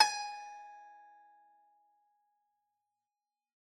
<region> pitch_keycenter=80 lokey=80 hikey=81 volume=9.797802 lovel=100 hivel=127 ampeg_attack=0.004000 ampeg_release=0.300000 sample=Chordophones/Zithers/Dan Tranh/Normal/G#4_ff_1.wav